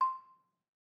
<region> pitch_keycenter=84 lokey=81 hikey=86 volume=7.116084 offset=207 lovel=66 hivel=99 ampeg_attack=0.004000 ampeg_release=30.000000 sample=Idiophones/Struck Idiophones/Balafon/Soft Mallet/EthnicXylo_softM_C5_vl2_rr1_Mid.wav